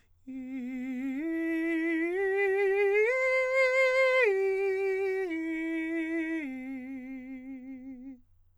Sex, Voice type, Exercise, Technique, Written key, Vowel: male, countertenor, arpeggios, vibrato, , i